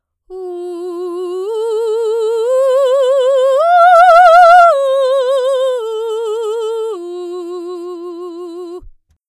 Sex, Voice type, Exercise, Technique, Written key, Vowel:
female, soprano, arpeggios, slow/legato forte, F major, u